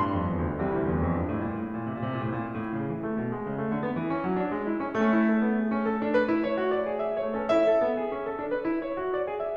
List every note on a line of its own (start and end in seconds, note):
0.00 0.13 G2
0.00 0.26 C6
0.14 0.26 F2
0.26 0.37 E2
0.38 0.59 D2
0.59 0.74 C2
0.59 0.87 E3
0.59 0.87 G3
0.59 0.87 C4
0.74 0.87 D2
0.89 1.11 E2
1.11 1.24 F2
1.24 1.34 G2
1.35 1.44 A2
1.44 1.65 A#2
1.67 1.87 A2
1.87 1.97 A#2
1.96 2.03 C3
2.01 2.08 A#2
2.05 2.15 C3
2.12 2.19 A#2
2.17 2.25 C3
2.22 2.40 A2
2.36 2.46 A#2
2.51 2.74 A2
2.74 2.95 C#3
2.95 3.08 E3
3.09 3.19 A3
3.19 3.31 B2
3.31 3.42 G#3
3.42 3.63 C#3
3.63 3.73 A3
3.75 3.85 D3
3.85 3.97 B3
3.97 4.10 E3
4.11 4.21 C#4
4.21 4.34 F#3
4.37 4.56 D4
4.56 4.70 G#3
4.70 4.84 E4
4.85 4.99 A3
4.85 4.99 C#4
4.99 7.27 A3
4.99 5.15 C#4
5.17 5.29 E4
5.29 5.50 A4
5.50 5.58 B3
5.60 5.70 G#4
5.70 5.84 C#4
5.84 5.98 A4
6.00 6.18 D4
6.18 6.29 B4
6.30 6.47 E4
6.47 6.62 C#5
6.62 6.73 F#4
6.75 6.85 D5
6.85 7.05 G#4
7.07 7.27 E5
7.27 7.40 A3
7.27 7.40 C#5
7.40 7.49 C#4
7.40 7.49 A4
7.50 7.67 E4
7.50 9.58 E5
7.67 7.80 A4
7.80 7.94 B3
7.95 8.15 G#4
8.15 8.24 C#4
8.25 8.42 A4
8.42 8.53 D4
8.53 8.68 B4
8.70 8.86 E4
8.86 9.00 C#5
9.01 9.20 F#4
9.20 9.29 D5
9.29 9.47 G#4
9.49 9.58 E5